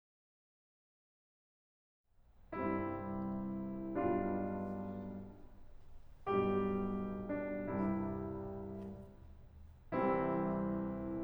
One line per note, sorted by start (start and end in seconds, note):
2.05 3.92 C2
2.05 3.92 G2
2.05 3.92 C3
2.05 3.92 G3
2.05 3.92 C4
2.05 3.92 E4
3.94 4.43 B1
3.94 4.43 G2
3.94 4.43 B2
3.94 4.43 G3
3.94 4.43 D4
3.94 4.43 F4
6.28 7.66 B1
6.28 7.66 G2
6.28 7.66 B2
6.28 7.66 G3
6.28 7.28 G4
7.29 7.66 D4
7.67 8.21 C2
7.67 8.21 G2
7.67 8.21 C3
7.67 8.21 G3
7.67 8.21 E4
9.98 11.23 C2
9.98 11.23 C3
9.98 11.23 E3
9.98 11.23 G3
9.98 11.23 C4
9.98 11.23 E4